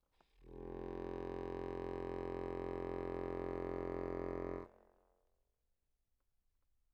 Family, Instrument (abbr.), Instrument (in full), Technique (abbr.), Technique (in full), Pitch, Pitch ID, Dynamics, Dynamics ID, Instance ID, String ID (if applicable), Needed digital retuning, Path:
Keyboards, Acc, Accordion, ord, ordinario, F1, 29, mf, 2, 1, , TRUE, Keyboards/Accordion/ordinario/Acc-ord-F1-mf-alt1-T27u.wav